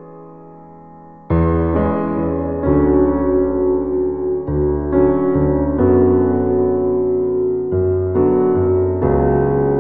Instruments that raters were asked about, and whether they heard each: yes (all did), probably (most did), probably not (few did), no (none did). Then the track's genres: piano: yes
Easy Listening